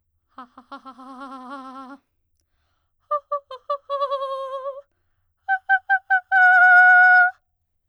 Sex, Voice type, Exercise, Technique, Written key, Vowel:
female, soprano, long tones, trillo (goat tone), , a